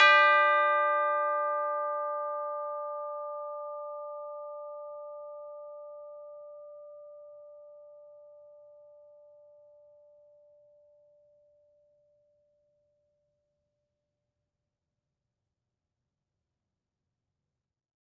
<region> pitch_keycenter=62 lokey=62 hikey=63 volume=5.638059 lovel=84 hivel=127 ampeg_attack=0.004000 ampeg_release=30.000000 sample=Idiophones/Struck Idiophones/Tubular Bells 2/TB_hit_D4_v4_2.wav